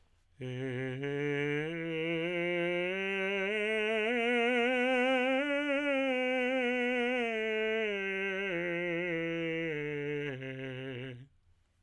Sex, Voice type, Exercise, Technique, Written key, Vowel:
male, tenor, scales, slow/legato piano, C major, e